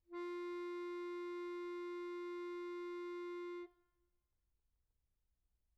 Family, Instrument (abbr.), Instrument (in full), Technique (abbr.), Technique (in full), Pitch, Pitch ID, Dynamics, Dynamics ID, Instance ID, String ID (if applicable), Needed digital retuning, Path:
Keyboards, Acc, Accordion, ord, ordinario, F4, 65, pp, 0, 2, , FALSE, Keyboards/Accordion/ordinario/Acc-ord-F4-pp-alt2-N.wav